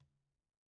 <region> pitch_keycenter=65 lokey=65 hikey=65 volume=54.853389 lovel=0 hivel=54 seq_position=1 seq_length=2 ampeg_attack=0.004000 ampeg_release=15.000000 sample=Membranophones/Struck Membranophones/Conga/Tumba_HitN_v1_rr1_Sum.wav